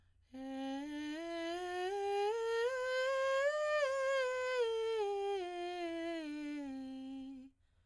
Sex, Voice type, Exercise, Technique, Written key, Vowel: female, soprano, scales, breathy, , e